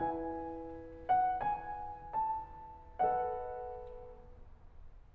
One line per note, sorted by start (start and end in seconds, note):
0.00 2.97 E4
0.00 2.97 B4
0.00 1.06 G#5
1.08 1.31 F#5
1.32 2.17 G#5
2.19 2.97 A5
2.98 4.41 A4
2.98 4.41 B4
2.98 4.41 D#5
2.98 4.41 F#5